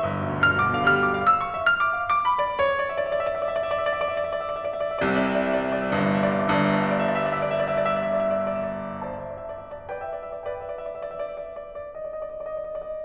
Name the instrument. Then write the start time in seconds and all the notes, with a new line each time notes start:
piano
0.00 G1
0.13 B1
0.24 D2
0.49 G2
0.64 B2
0.77 D3
0.91 G3 F6
0.99 D6
1.11 F5
1.24 E6
1.39 C6
1.51 E5
1.63 F6
1.74 D6
1.89 F5
2.01 D6
2.22 B5
2.38 D5
2.59 C#5
2.71 D5
2.86 E5
2.97 D5
3.08 E5
3.18 D5
3.27 E5
3.39 D5
3.52 E5
3.61 D5
3.69 E5
3.76 D5 E5
3.89 D5
3.98 E5
4.08 D5
4.17 E5
4.27 D5
4.39 E5
4.48 D5
4.57 E5
4.73 D5
4.83 E5
4.93 D5
5.03 C2 C3 E5
5.14 D5
5.28 E5
5.40 D5
5.50 E5
5.61 D5
5.71 E5
5.82 D5
5.91 G1 G2 E5
6.05 D5
6.15 E5
6.27 D5
6.37 G1 G2 E5
6.47 D5
6.57 E5
6.73 D5
6.86 E5
6.95 D5
7.05 E5
7.14 D5
7.22 E5
7.31 D5
7.48 E5
7.62 D5
7.72 E5
7.81 D5
7.96 E5
8.15 D5
8.23 E5
8.32 D5
8.45 E5
8.56 D5
8.68 E5
8.81 D5
8.96 E5
9.15 D5
9.24 C5 E5 A5
9.36 D5
9.46 E5
9.57 D5
9.66 E5
9.75 D5
9.87 E5
9.97 D5
10.07 B4 E5 G5
10.18 D5
10.34 E5
10.46 D5
10.59 B4 E5 G5
10.70 D5
10.80 E5
10.90 D5
10.99 E5
11.10 D5
11.19 E5
11.27 D5
11.38 E5
11.45 D5
11.53 E5
11.62 D5
11.74 D#5
11.83 D5
11.92 D#5
12.02 D5
12.18 D#5
12.28 D5
12.39 D#5
12.48 D5
12.59 D#5
12.68 D5
12.82 D#5
12.96 D5